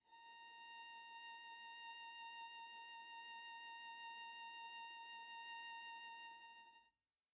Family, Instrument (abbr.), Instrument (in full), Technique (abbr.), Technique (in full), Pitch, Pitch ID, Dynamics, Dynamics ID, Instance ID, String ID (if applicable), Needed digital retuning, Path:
Strings, Va, Viola, ord, ordinario, A#5, 82, pp, 0, 0, 1, FALSE, Strings/Viola/ordinario/Va-ord-A#5-pp-1c-N.wav